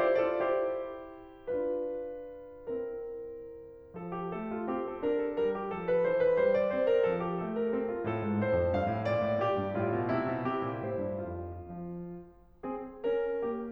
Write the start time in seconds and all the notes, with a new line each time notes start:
0.00 E4 G4 C5
0.23 F4 A4 D5
0.42 E4 G4 C5
1.50 D4 F4 B4
2.74 C4 E4 A#4
3.97 F3 A4
4.17 G4
4.34 A3 A4
4.53 F4
4.70 C4 G4
4.90 A4
5.07 D4 A#4
5.25 A4
5.45 G3 A#4
5.57 G4
5.75 F3 A4
5.87 A#4
6.05 E3 C5
6.22 B4
6.39 G3 C5
6.52 D5
6.75 C4 C5
6.88 A#4
7.04 F3 A4
7.22 G4
7.41 A3 A4
7.60 A#4
7.77 C4 A4
7.91 F4
8.07 A2 A4
8.23 G#2
8.37 A2 C5
8.53 F2
8.72 G2 F5
8.93 A2
9.08 A#2 D5
9.23 A2
9.40 A#2 G4
9.58 G2
9.80 A2 F4
9.95 B2
10.15 C3 E4
10.29 B2
10.46 C3 G4
10.65 A#2
10.84 A2 C5
10.99 G2
11.35 F2 F4
12.04 F3
12.68 C4 G#4
13.04 C#4 A#4
13.41 A#3 G4